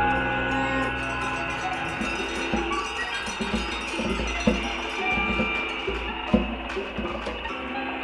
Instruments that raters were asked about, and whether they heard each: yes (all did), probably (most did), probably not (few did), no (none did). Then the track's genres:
banjo: no
Experimental; Sound Collage; Trip-Hop